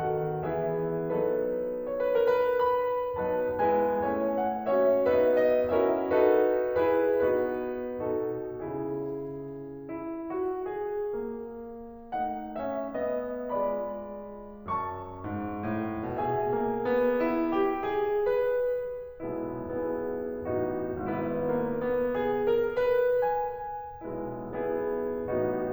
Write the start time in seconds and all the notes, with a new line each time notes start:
0.01 D#3 B3 F#4 A4 F#5
0.46 E3 B3 E4 G#4 E5
1.10 F#3 B3 D#4 A4
1.76 C#5
1.96 B4
2.13 A#4
2.34 B4
2.64 B5
3.19 F#3 B3 D#4 B4 A5
3.63 G#3 B3 E4 B4 G#5
4.02 F#3 A3 C#4 C#5 G#5
4.36 F#5
4.68 A#3 C#4 F#4 C#5 E5
5.02 B3 D#4 F#4 B4 E5
5.42 D#5
5.71 C#4 E4 F#4 A#4 E5
6.03 D#4 F#4 A4 B4
6.77 E4 G#4 B4
7.33 B3 D#4 F#4 B4
8.24 B2 D#4 F#4 A4
8.63 C#3 E4 G#4
10.09 E4
10.42 F#4
10.79 G#4
11.24 A#3
12.15 A3 D#4 F#5
12.56 C#4 E5
12.95 B3 D#5
13.52 G#3 F4 D5 B5
14.73 F#2 A5 C#6
15.25 G#2
15.66 A2
16.18 B2 G#4 E5 G#5
16.54 A#3
16.90 B3
17.22 E4
17.55 G4
17.86 G#4
18.26 B4
19.23 B1 B2 G#3 B3 E4
19.58 B3 E4 G#4
20.47 A1 A2 B3 D#4 F#4
20.96 G#1 G#2 B3 E4 B4
21.38 A#3
21.82 B3
22.19 G#4
22.56 A#4
22.88 B4
23.21 G#5
24.04 B1 B2 G#3 B3 E4
24.67 B3 E4 G#4
25.29 A1 A2 B3 D#4 F#4